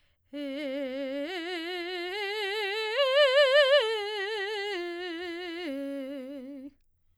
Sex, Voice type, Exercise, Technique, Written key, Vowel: female, soprano, arpeggios, slow/legato forte, C major, e